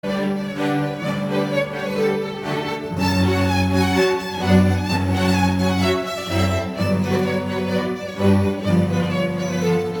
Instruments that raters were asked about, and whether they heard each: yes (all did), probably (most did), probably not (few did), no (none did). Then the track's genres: violin: yes
mandolin: no
mallet percussion: no
Classical; Chamber Music